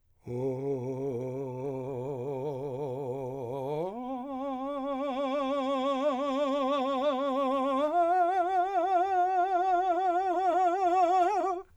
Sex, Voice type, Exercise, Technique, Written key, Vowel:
male, , long tones, trill (upper semitone), , o